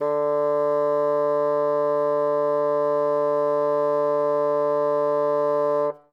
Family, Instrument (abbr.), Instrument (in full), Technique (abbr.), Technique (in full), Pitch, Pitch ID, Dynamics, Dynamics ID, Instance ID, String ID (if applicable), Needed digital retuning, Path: Winds, Bn, Bassoon, ord, ordinario, D3, 50, ff, 4, 0, , TRUE, Winds/Bassoon/ordinario/Bn-ord-D3-ff-N-T11d.wav